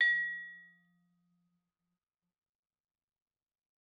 <region> pitch_keycenter=53 lokey=53 hikey=55 volume=15.276129 offset=111 lovel=0 hivel=83 ampeg_attack=0.004000 ampeg_release=15.000000 sample=Idiophones/Struck Idiophones/Vibraphone/Hard Mallets/Vibes_hard_F2_v2_rr1_Main.wav